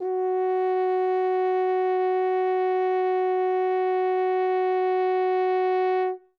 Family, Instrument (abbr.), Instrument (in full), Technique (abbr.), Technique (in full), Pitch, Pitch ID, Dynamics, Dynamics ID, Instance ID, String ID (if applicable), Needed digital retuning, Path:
Brass, Hn, French Horn, ord, ordinario, F#4, 66, ff, 4, 0, , FALSE, Brass/Horn/ordinario/Hn-ord-F#4-ff-N-N.wav